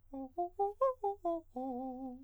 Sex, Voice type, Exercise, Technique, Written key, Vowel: male, countertenor, arpeggios, fast/articulated piano, C major, o